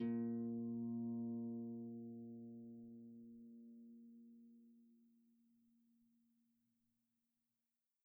<region> pitch_keycenter=46 lokey=46 hikey=47 volume=24.521607 xfout_lovel=70 xfout_hivel=100 ampeg_attack=0.004000 ampeg_release=30.000000 sample=Chordophones/Composite Chordophones/Folk Harp/Harp_Normal_A#1_v2_RR1.wav